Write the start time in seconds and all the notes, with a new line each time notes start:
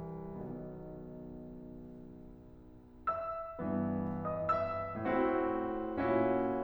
0.00 B1 B2 D#3 B3
3.07 E5 E6
3.59 G2 E3 B3
4.25 D#5 D#6
4.48 E5 E6
4.96 A2 E3 C4 E4 F#4
6.00 A#2 C#4 E4 F#4